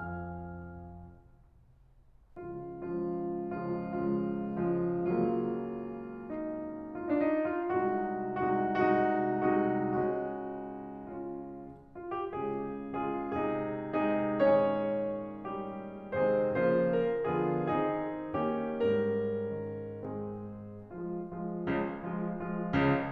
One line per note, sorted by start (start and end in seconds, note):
0.00 0.59 F2
0.00 0.59 F3
0.00 0.59 F5
0.00 0.59 G#5
0.00 0.59 F6
2.45 2.81 C#2
2.45 2.81 C#3
2.45 2.81 F3
2.45 2.81 G#3
2.45 2.81 F4
2.81 3.55 C#2
2.81 3.55 C#3
2.81 3.55 F3
2.81 3.55 G#3
2.81 3.55 F4
3.55 3.82 C#2
3.55 3.82 C#3
3.55 3.82 F3
3.55 3.82 G#3
3.55 3.82 F4
3.83 4.59 C#2
3.83 4.59 C#3
3.83 4.59 F3
3.83 4.59 G#3
3.83 4.59 F4
4.59 5.03 C#2
4.59 5.03 C#3
4.59 5.03 F3
4.59 5.03 G#3
4.59 5.03 F4
5.04 7.96 C#2
5.04 7.96 C#3
5.04 7.08 F#3
5.04 7.08 A#3
5.04 6.30 F4
6.30 7.08 D#4
7.08 7.26 D#4
7.26 7.34 F4
7.30 7.42 D4
7.30 7.37 D#4
7.38 7.55 D#4
7.58 7.96 F4
7.96 8.81 C2
7.96 8.81 C3
7.96 8.81 G#3
7.96 8.81 D#4
7.96 8.81 F#4
8.84 9.17 C2
8.84 9.17 C3
8.84 9.17 G#3
8.84 9.17 D#4
8.84 9.17 F#4
9.17 9.75 C2
9.17 9.75 C3
9.17 9.75 G#3
9.17 9.75 D#4
9.17 9.75 F#4
9.75 10.08 C2
9.75 10.08 C3
9.75 10.08 G#3
9.75 10.08 D#4
9.75 10.08 F#4
10.08 11.51 C#2
10.08 11.51 C#3
10.08 11.51 G#3
10.08 11.13 D#4
10.08 11.13 F#4
11.13 11.51 C#4
11.13 11.51 F4
11.95 12.13 F4
12.13 12.33 G4
12.34 13.03 C#3
12.34 13.03 G#3
12.34 13.03 F4
12.34 13.03 G#4
13.03 13.35 C#3
13.03 13.35 G#3
13.03 13.35 F4
13.03 13.35 G#4
13.35 14.02 C3
13.35 14.02 G#3
13.35 14.02 D#4
13.35 14.02 G#4
14.04 14.37 C3
14.04 14.37 G#3
14.04 14.37 D#4
14.04 14.37 G#4
14.37 16.15 A#2
14.37 16.15 D#3
14.37 15.48 G#3
14.37 16.15 C#4
14.37 16.15 D#4
14.37 15.48 G#4
14.37 16.15 C#5
15.48 16.15 G3
15.48 16.15 G4
16.15 16.58 C3
16.15 16.58 D#3
16.15 16.58 G#3
16.15 16.58 C4
16.15 16.58 D#4
16.15 16.58 G#4
16.15 16.58 C5
16.58 17.28 C#3
16.58 17.28 F3
16.58 17.28 A#3
16.58 17.28 F4
16.58 16.95 C5
16.96 17.28 A#4
17.28 17.72 D3
17.28 17.72 F3
17.28 17.72 B3
17.28 17.72 F4
17.28 17.72 G#4
17.72 18.39 D#3
17.72 18.39 C4
17.72 18.39 D#4
17.72 18.39 G#4
18.39 18.77 D#3
18.39 18.77 A#3
18.39 18.77 C#4
18.39 18.77 G4
18.78 20.38 G#2
18.78 20.00 G3
18.78 20.00 C#4
18.78 20.00 A#4
19.54 20.38 D#3
20.00 20.38 G#3
20.00 20.38 C4
20.00 20.38 G#4
21.08 21.37 F3
21.08 21.37 G#3
21.08 21.37 F4
21.37 22.02 F3
21.37 22.02 G#3
21.37 22.02 F4
21.66 22.02 C#2
21.66 22.02 C#3
22.04 22.36 F3
22.04 22.36 G#3
22.04 22.36 F4
22.36 23.12 F3
22.36 23.12 G#3
22.36 23.12 F4
22.65 23.12 C#2
22.65 23.12 C#3